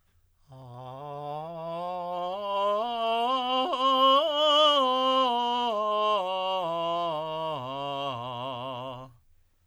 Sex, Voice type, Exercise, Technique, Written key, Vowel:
male, tenor, scales, slow/legato piano, C major, a